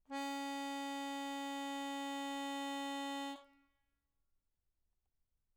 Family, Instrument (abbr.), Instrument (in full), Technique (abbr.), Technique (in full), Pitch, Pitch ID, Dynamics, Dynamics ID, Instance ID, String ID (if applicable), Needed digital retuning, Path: Keyboards, Acc, Accordion, ord, ordinario, C#4, 61, mf, 2, 0, , FALSE, Keyboards/Accordion/ordinario/Acc-ord-C#4-mf-N-N.wav